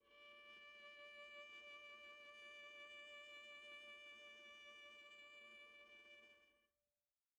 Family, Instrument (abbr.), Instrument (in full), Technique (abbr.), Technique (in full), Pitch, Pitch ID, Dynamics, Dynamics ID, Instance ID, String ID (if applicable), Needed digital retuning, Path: Strings, Va, Viola, ord, ordinario, D5, 74, pp, 0, 1, 2, FALSE, Strings/Viola/ordinario/Va-ord-D5-pp-2c-N.wav